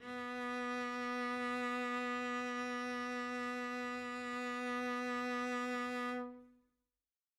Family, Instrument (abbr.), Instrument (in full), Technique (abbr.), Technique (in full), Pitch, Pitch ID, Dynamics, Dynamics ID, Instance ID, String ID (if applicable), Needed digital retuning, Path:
Strings, Vc, Cello, ord, ordinario, B3, 59, mf, 2, 0, 1, FALSE, Strings/Violoncello/ordinario/Vc-ord-B3-mf-1c-N.wav